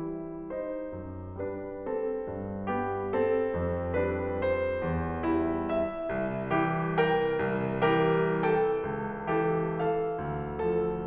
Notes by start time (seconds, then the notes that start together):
0.00 G3 E4
0.56 D#4 C5
1.00 F#2
1.38 G3 D4 B4
1.82 C4 A4
2.25 G2
2.65 G3 B3 G4
3.12 C4 A4
3.48 F2
3.94 G3 D4 B4
4.44 C5
4.84 E2
5.25 G3 E4
5.69 E5
6.12 C2
6.58 E3 G4
6.99 A#4 G5
7.42 C2
7.89 E3 G4 A#4
8.39 A4 G5
8.88 C#2
9.26 E3 G4 A4
9.69 A4 F5
10.16 D2
10.62 F3 A4